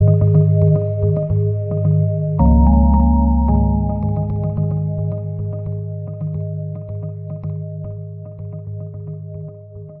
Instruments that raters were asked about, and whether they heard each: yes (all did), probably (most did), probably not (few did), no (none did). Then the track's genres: mallet percussion: probably not
Electronic; Ambient; Minimalism